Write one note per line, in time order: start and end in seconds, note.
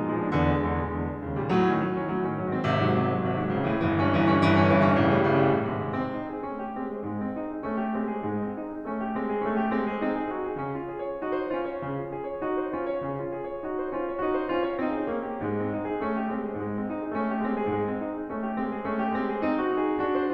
0.00 0.15 A#2
0.00 0.15 G#3
0.15 0.29 F3
0.15 0.29 D4
0.30 0.42 E2
0.30 0.42 C#3
0.42 0.53 A#2
0.42 0.53 G#3
0.55 0.68 E2
0.55 0.68 C#3
0.68 0.79 A#2
0.68 0.79 G#3
0.79 1.07 E2
0.79 1.07 D3
1.08 1.17 A#2
1.08 1.17 G#3
1.17 1.35 D#2
1.17 1.35 D3
1.42 1.53 A#2
1.42 1.53 G3
1.53 1.67 A2
1.53 1.67 F#3
1.67 1.81 D#3
1.67 1.81 D4
1.85 1.94 A2
1.85 1.94 F#3
1.94 2.07 D#3
1.94 2.07 D4
2.07 2.23 A2
2.07 2.23 F#3
2.23 2.35 D#3
2.23 2.35 D4
2.35 2.44 G#2
2.35 2.44 F#3
2.45 2.57 D#3
2.45 2.57 C4
2.57 2.84 G#1
2.57 2.84 C3
2.84 3.03 G#2
2.84 3.03 F#3
3.04 3.19 G#1
3.04 3.19 C3
3.19 3.33 G#2
3.19 3.33 F#3
3.34 3.44 G#1
3.34 3.44 C3
3.44 3.59 G#2
3.44 3.59 F#3
3.59 3.72 A1
3.59 3.72 D3
3.73 3.82 A2
3.73 3.82 E3
3.82 3.98 G1
3.82 3.98 E3
3.99 4.12 G2
3.99 4.12 C#4
4.12 4.27 G1
4.12 4.27 E3
4.27 4.45 G2
4.27 4.45 C#4
4.46 4.64 G1
4.46 4.64 E3
4.64 4.82 G2
4.64 4.82 C#4
4.82 4.93 G1
4.82 4.93 E3
4.95 5.09 G2
4.95 5.09 C#4
5.09 5.18 A1
5.09 5.18 D3
5.19 5.35 A2
5.19 5.35 G3
5.35 5.48 A1
5.35 5.48 D3
5.48 5.67 A2
5.48 5.67 G3
5.74 6.06 G#2
5.74 5.91 C3
5.74 5.91 G#3
5.91 6.06 C4
6.07 6.29 D#4
6.29 6.50 G#4
6.50 6.71 A3
6.50 6.59 C#4
6.61 6.71 G4
6.71 6.99 G#3
6.71 6.86 C4
6.86 6.99 G#4
7.00 7.37 G#2
7.00 7.26 G#3
7.26 7.37 C4
7.38 7.52 D#4
7.52 7.64 G#4
7.64 7.92 A3
7.64 7.79 C#4
7.80 7.92 G4
7.92 8.21 G#3
7.92 8.07 C4
8.08 8.21 G#4
8.21 8.57 G#2
8.21 8.37 G#3
8.37 8.57 C4
8.59 8.72 D#4
8.72 8.85 G#4
8.85 9.16 A3
8.85 8.97 C#4
8.97 9.16 G4
9.16 9.40 G#3
9.16 9.25 C4
9.26 9.40 G#4
9.40 9.73 A3
9.40 9.53 C#4
9.53 9.73 G4
9.74 9.97 G#3
9.74 9.87 C4
9.87 9.97 G#4
9.98 10.34 C4
9.98 10.17 D#4
10.17 10.34 G#4
10.34 10.58 D#4
10.34 10.47 F#4
10.48 10.58 G#4
10.58 10.86 C#3
10.58 10.75 C#4
10.76 10.86 F4
10.86 11.01 G#4
11.01 11.19 C#5
11.20 11.52 D#4
11.20 11.33 F#4
11.33 11.52 C5
11.52 11.85 C#4
11.52 11.61 F4
11.62 11.85 C#5
11.85 12.14 C#3
11.85 11.97 C#4
11.98 12.14 F4
12.14 12.27 G#4
12.27 12.41 C#5
12.43 12.71 D#4
12.43 12.59 F#4
12.59 12.71 C5
12.72 13.03 C#4
12.72 12.86 F4
12.86 13.03 C#5
13.03 13.29 C#3
13.03 13.19 C#4
13.20 13.29 F4
13.29 13.43 G#4
13.43 13.66 C#5
13.66 13.98 D#4
13.66 13.83 F#4
13.83 13.98 C5
13.99 14.20 C#4
13.99 14.08 F4
14.08 14.20 C#5
14.20 14.44 D#4
14.20 14.30 F#4
14.32 14.44 C5
14.44 14.77 C#4
14.44 14.66 F4
14.68 14.77 C#5
14.77 15.10 C4
14.77 14.91 D#4
14.91 15.10 G#4
15.12 15.38 A#3
15.12 15.26 D#4
15.26 15.38 F#4
15.39 15.74 G#2
15.39 15.58 G#3
15.58 15.74 C4
15.74 15.84 D#4
15.85 15.99 G#4
15.99 16.22 A3
15.99 16.11 C#4
16.11 16.22 G4
16.23 16.54 G#3
16.23 16.43 C4
16.43 16.54 G#4
16.57 16.89 G#2
16.57 16.73 G#3
16.73 16.89 C4
16.89 17.00 D#4
17.01 17.14 G#4
17.14 17.40 A3
17.14 17.26 C#4
17.29 17.40 G4
17.40 17.69 G#3
17.40 17.57 C4
17.57 17.69 G#4
17.72 18.00 G#2
17.72 17.81 G#3
17.81 18.00 C4
18.00 18.17 D#4
18.17 18.33 G#4
18.33 18.60 A3
18.33 18.48 C#4
18.49 18.60 G4
18.60 18.87 G#3
18.60 18.72 C4
18.72 18.87 G#4
18.88 19.18 A3
18.88 19.03 C#4
19.03 19.18 G4
19.19 19.41 G#3
19.19 19.31 C4
19.31 19.41 G#4
19.41 19.66 C4
19.41 19.52 D#4
19.54 19.66 G#4
19.66 19.98 D#4
19.66 19.84 F#4
19.84 19.98 G#4
19.98 20.33 D4
19.98 20.19 F#4
20.19 20.33 C5